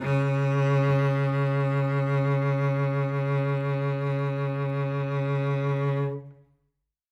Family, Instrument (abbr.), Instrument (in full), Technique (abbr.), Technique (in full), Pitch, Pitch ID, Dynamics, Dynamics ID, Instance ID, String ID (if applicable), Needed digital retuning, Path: Strings, Vc, Cello, ord, ordinario, C#3, 49, ff, 4, 3, 4, FALSE, Strings/Violoncello/ordinario/Vc-ord-C#3-ff-4c-N.wav